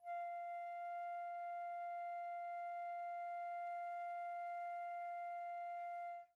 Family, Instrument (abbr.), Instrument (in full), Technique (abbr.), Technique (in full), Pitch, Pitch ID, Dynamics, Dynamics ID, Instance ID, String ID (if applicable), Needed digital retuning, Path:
Winds, Fl, Flute, ord, ordinario, F5, 77, pp, 0, 0, , FALSE, Winds/Flute/ordinario/Fl-ord-F5-pp-N-N.wav